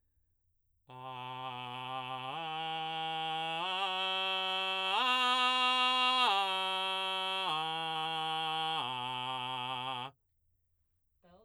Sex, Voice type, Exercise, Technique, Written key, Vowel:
male, baritone, arpeggios, belt, , a